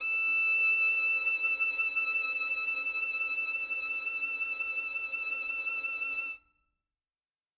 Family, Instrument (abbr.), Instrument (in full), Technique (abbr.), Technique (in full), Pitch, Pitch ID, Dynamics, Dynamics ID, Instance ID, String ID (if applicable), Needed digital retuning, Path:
Strings, Vn, Violin, ord, ordinario, E6, 88, ff, 4, 1, 2, FALSE, Strings/Violin/ordinario/Vn-ord-E6-ff-2c-N.wav